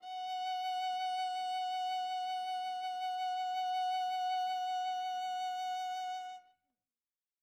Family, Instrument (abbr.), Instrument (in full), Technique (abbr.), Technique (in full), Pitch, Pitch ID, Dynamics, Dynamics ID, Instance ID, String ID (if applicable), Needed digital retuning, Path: Strings, Va, Viola, ord, ordinario, F#5, 78, mf, 2, 0, 1, FALSE, Strings/Viola/ordinario/Va-ord-F#5-mf-1c-N.wav